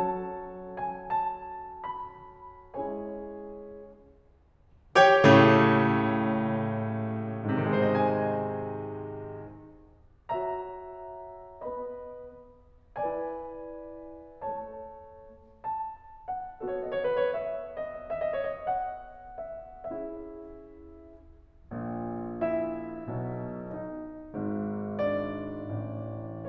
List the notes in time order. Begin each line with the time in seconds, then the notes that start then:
0.00 F#3 C#4 F#4 A4 C#5 A5
0.80 G#5
1.15 A5
1.86 B5
2.80 G#3 C#4 E4 G#4 C#5 G#5
4.98 G4 C#5 G5
5.21 A2 C#3 A3
7.50 G#2 G#4
7.62 C3 C5
7.74 D#3 D#5
7.96 G#3 G#5
10.36 F#4 C#5 E5 A#5
11.63 B3 B4 D#5 B5
13.05 E4 B4 D5 G#5
14.42 A3 A4 C#5 A5
15.66 A5
16.28 F#5
16.63 B3 F#4 A4 D#5
16.79 C#5
17.00 C5
17.16 C#5
17.30 E5
17.82 D#5
18.07 E5
18.24 D#5
18.37 C#5
18.49 D#5
18.66 F#5
19.48 E5
19.95 C#4 E4 G#4 E5
21.76 A#1 A#2
22.48 E4 E5
23.08 B1 B2
23.77 D#4 D#5
24.33 G#1 G#2
25.09 D4 D5
25.72 A1 A2